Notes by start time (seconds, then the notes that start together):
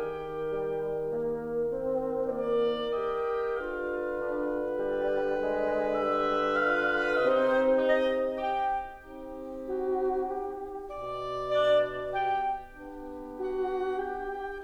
0.00 D#3 G4 A#4 G5
0.48 G3
1.03 A#3
1.80 C4
2.31 A#3 D5
2.94 G4 D#5 G5
3.56 D3 F4 B4 F5
4.32 D4
4.82 G3
5.45 G#3
5.98 G3 E5
6.63 F4 F5
7.26 C3 C4 D#4 C5 D#5
7.92 D#4 D#5
8.35 G4 G5
9.06 C4 D#4 G4
9.89 F#4
10.29 G4
10.91 B2 D5
11.39 D4 D5
12.07 G4 G5
12.75 B3 D4 G4
13.37 F#4 F#5
13.82 G4 G5